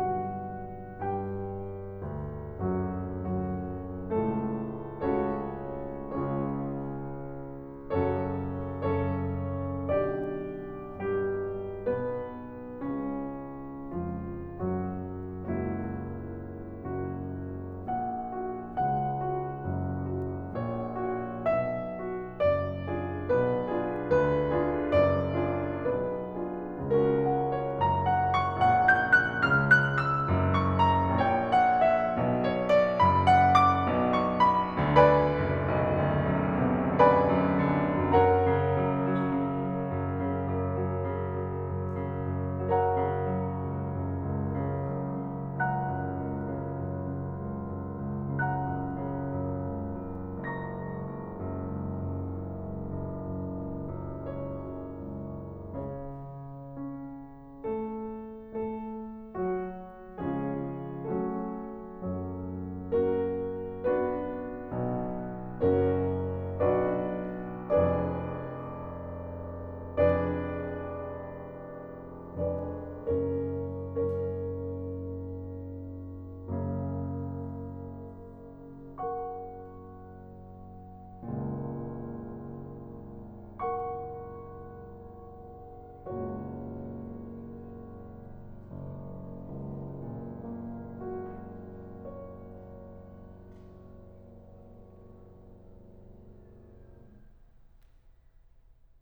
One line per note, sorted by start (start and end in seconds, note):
0.01 1.00 B1
0.01 1.00 G2
0.01 1.00 D3
0.01 1.00 F#4
0.01 1.00 F#5
1.03 2.59 G2
1.03 2.59 G4
1.03 2.59 G5
2.01 3.13 D2
2.61 3.13 F#2
2.61 3.13 F#3
2.61 3.13 F#4
3.15 4.09 D2
3.15 4.09 F#2
3.15 4.09 F#3
3.15 4.09 F#4
4.12 4.97 C#2
4.12 4.97 A2
4.12 4.97 A3
4.12 4.97 A4
5.00 5.87 C#2
5.00 5.87 C#3
5.00 5.87 C#4
5.00 5.87 F#4
5.00 5.87 A4
5.00 5.87 C#5
5.88 7.90 C#2
5.88 7.90 C#3
5.88 7.90 C#4
5.88 7.90 F4
5.88 7.90 G#4
5.88 7.90 C#5
7.92 8.77 F#2
7.92 8.77 C#3
7.92 8.77 C#4
7.92 8.77 F#4
7.92 8.77 A4
7.92 8.77 C#5
8.79 9.87 F#2
8.79 9.87 C#3
8.79 9.87 C#4
8.79 9.87 A4
8.79 9.87 C#5
9.90 10.83 B1
9.90 10.83 D3
9.90 10.83 D4
9.90 10.83 G4
9.90 10.83 D5
10.84 11.81 G2
10.84 11.81 G3
10.84 11.81 G4
11.84 12.82 B1
11.84 12.82 B2
11.84 12.82 B3
11.84 12.82 B4
12.85 13.89 C#2
12.85 13.89 C#3
12.85 13.89 C#4
13.90 15.59 C#2
13.90 14.44 F2
13.90 14.44 F3
13.90 14.44 F4
14.45 15.59 F#2
14.45 15.59 F#3
14.45 15.59 F#4
15.61 16.99 C#2
15.61 16.99 F#2
15.61 17.59 F#3
15.61 17.59 A#3
15.61 17.59 E4
15.61 16.99 F#4
17.00 18.00 F#1
17.00 18.00 F#2
17.61 18.47 F#4
18.01 18.86 A#1
18.01 18.86 A#2
18.01 18.86 F#5
18.49 19.24 F#4
18.87 19.67 C#2
18.87 19.67 C#3
18.87 20.59 F#5
19.26 20.27 F#4
19.78 20.59 F#1
19.78 20.59 F#2
20.28 21.04 F#4
20.60 21.41 A#1
20.60 21.41 A#2
20.60 21.41 C#5
21.07 22.01 F#4
21.47 22.38 B1
21.47 22.38 B2
21.47 22.38 E5
22.02 22.95 F#4
22.39 23.27 F#1
22.39 23.27 F#2
22.39 23.27 D5
22.96 23.70 D4
22.96 23.70 F4
22.96 23.70 G#4
23.28 24.11 B1
23.28 24.11 B2
23.28 24.11 B4
23.71 24.50 D4
23.71 24.50 F4
23.71 24.50 G#4
24.12 24.93 D2
24.12 24.93 D3
24.12 24.93 B4
24.51 25.44 D4
24.51 25.44 F4
24.51 25.44 G#4
24.94 25.86 F#1
24.94 25.86 F#2
24.94 25.86 D5
25.45 26.44 D4
25.45 26.44 F4
25.45 26.44 G#4
25.87 26.95 B1
25.87 26.95 B2
25.87 26.95 B4
26.46 26.95 D4
26.46 26.95 F4
26.46 26.95 G#4
26.98 27.78 C#2
26.98 27.78 C#3
26.98 27.78 C#4
26.98 27.78 F#4
26.98 27.29 A#4
27.30 27.53 F#5
27.56 27.78 C#5
27.79 28.60 F#1
27.79 28.60 F#2
27.79 28.06 A#5
28.10 28.31 F#5
28.32 28.60 C#6
28.61 29.48 A1
28.61 29.48 A2
28.61 28.82 F#5
28.83 29.20 G6
29.22 29.48 F#6
29.51 30.27 C#2
29.51 30.27 C#3
29.51 29.74 F6
29.76 30.03 F#6
30.05 30.61 E6
30.28 31.18 F#1
30.28 31.18 F#2
30.62 30.83 C#6
30.84 31.18 A#5
31.21 32.12 A1
31.21 32.12 A2
31.21 32.12 C#5
31.21 31.48 G5
31.49 31.78 F#5
31.88 32.41 E5
32.13 33.00 B1
32.13 33.00 B2
32.44 32.72 C#5
32.73 33.00 D5
33.01 33.86 F#1
33.01 33.86 F#2
33.01 33.27 B5
33.29 33.57 F#5
33.58 34.12 D6
33.90 34.87 B1
33.90 34.87 B2
34.14 34.42 C#6
34.44 34.87 B5
34.89 35.69 D2
34.89 35.68 D3
34.89 36.98 B4
34.89 36.98 D5
34.89 36.98 F5
34.89 36.98 G#5
34.89 36.98 B5
35.29 36.16 F#1
35.72 36.41 B1
36.17 36.68 D2
36.44 37.00 F#2
36.69 37.38 B2
37.03 37.74 D3
37.03 38.09 B4
37.03 38.09 D5
37.03 38.09 F5
37.03 38.09 G#5
37.03 38.09 B5
37.38 38.10 F#2
37.77 38.38 D3
38.10 38.71 F#2
38.10 42.80 A#4
38.10 42.80 C#5
38.10 42.80 F#5
38.10 42.80 A#5
38.39 39.07 C#3
38.74 39.36 F#2
39.08 39.65 F#3
39.38 39.99 C#3
39.67 40.29 F#3
40.00 40.61 F#2
40.29 40.90 C#3
40.63 41.27 F#2
40.95 41.52 F#3
41.28 41.89 C#3
41.53 42.17 F#3
41.94 42.42 C#3
42.20 42.73 F#2
42.44 43.13 C#3
42.81 43.39 F#3
42.81 45.61 A#4
42.81 45.61 C#5
42.81 45.61 F#5
42.81 45.61 A#5
43.14 43.68 C#3
43.39 43.94 F#3
43.69 44.22 C#2
43.97 44.60 F#2
44.24 44.97 C#2
44.62 45.33 C#3
45.01 45.61 F#2
45.34 45.92 C#3
45.63 46.25 C#2
45.63 48.38 F#5
45.63 48.38 A#5
45.63 48.38 F#6
45.96 46.50 F#2
46.27 46.78 C#2
46.53 47.06 C#3
46.81 47.46 F#2
47.08 47.72 C#3
47.50 48.01 C#2
47.75 48.38 F#2
48.02 48.67 C#2
48.40 48.94 C#3
48.40 50.44 F#5
48.40 50.44 A#5
48.40 50.44 F#6
48.70 49.31 F#2
49.00 49.63 C#3
49.34 49.99 F#2
49.65 50.43 C#2
50.02 50.75 F#2
50.45 51.10 F#1
50.45 54.25 A#5
50.45 54.25 C#6
50.45 54.25 A#6
50.78 51.39 C#2
51.11 51.67 F#1
51.41 52.09 F#2
51.69 52.39 C#2
52.10 52.63 F#2
52.39 52.89 F#1
52.67 53.12 C#2
52.91 53.49 F#1
53.16 53.86 F#2
53.53 54.25 C#2
53.86 54.62 F#2
54.27 55.08 C#2
54.27 55.76 C#5
54.63 55.77 F#2
55.11 55.77 C#2
55.79 56.78 C#3
55.79 57.64 C#5
56.80 57.64 C#4
57.67 58.39 A3
57.67 58.39 A4
58.42 59.32 A3
58.42 59.32 A4
59.34 60.23 F#3
59.34 60.23 F#4
60.24 61.13 C#3
60.24 61.13 F3
60.24 61.13 G#3
60.24 61.13 C#4
60.24 61.13 F4
60.24 61.13 G#4
61.14 61.99 F#3
61.14 61.99 A3
61.14 62.94 C#4
61.14 62.94 F#4
61.14 62.94 A4
62.00 64.72 F#2
62.00 64.72 F#3
62.98 63.84 A#3
62.98 63.84 C#4
62.98 63.84 F#4
62.98 63.84 A#4
63.86 65.64 B3
63.86 65.64 D4
63.86 65.64 F#4
63.86 65.64 B4
64.74 65.64 B1
64.74 65.64 B2
65.67 66.66 F#1
65.67 66.66 F#2
65.67 66.66 C#4
65.67 66.66 F#4
65.67 66.66 A#4
65.67 66.66 C#5
66.67 67.74 B1
66.67 67.74 D4
66.67 67.74 F#4
66.67 67.74 B4
66.67 67.74 D5
67.76 69.83 F1
67.76 69.83 F2
67.76 69.83 D4
67.76 69.83 G#4
67.76 69.83 B4
67.76 69.83 D5
69.85 72.45 F1
69.85 72.45 F2
69.85 72.45 D4
69.85 72.45 G#4
69.85 72.45 B4
69.85 72.45 D5
72.46 73.07 F1
72.46 73.07 F2
72.46 73.07 D4
72.46 73.07 G#4
72.46 73.07 B4
72.46 73.07 D5
73.08 73.49 F#1
73.08 73.49 F#2
73.08 73.49 C#4
73.08 73.49 A#4
73.08 73.49 C#5
73.50 76.21 F#1
73.50 76.21 F#2
73.50 78.94 C#4
73.50 78.94 A#4
73.50 78.94 C#5
76.24 81.26 F#2
76.24 81.26 C#3
76.24 81.26 A#3
78.97 83.55 A#4
78.97 83.55 F#5
78.97 83.55 C#6
81.28 86.00 F#1
81.28 86.00 C#2
81.28 86.00 A#2
83.57 86.00 A#4
83.57 86.00 F#5
83.57 86.00 C#6
86.02 88.66 F#1
86.02 88.66 C#2
86.02 88.66 A#2
86.02 88.66 A#3
86.02 88.66 F#4
86.02 88.66 C#5
88.72 96.02 F#1
89.41 96.02 C#2
90.03 96.02 A#2
90.44 96.02 A#3
90.91 96.02 F#4
91.36 96.02 C#5